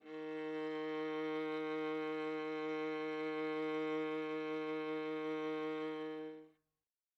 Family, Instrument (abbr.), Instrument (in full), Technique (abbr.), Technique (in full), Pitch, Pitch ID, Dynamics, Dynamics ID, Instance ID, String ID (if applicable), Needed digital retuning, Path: Strings, Va, Viola, ord, ordinario, D#3, 51, mf, 2, 3, 4, TRUE, Strings/Viola/ordinario/Va-ord-D#3-mf-4c-T22u.wav